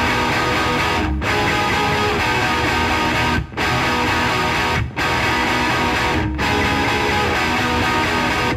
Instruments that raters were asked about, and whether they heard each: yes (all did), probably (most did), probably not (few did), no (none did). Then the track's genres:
mandolin: no
flute: no
guitar: yes
Rock; Post-Rock; Progressive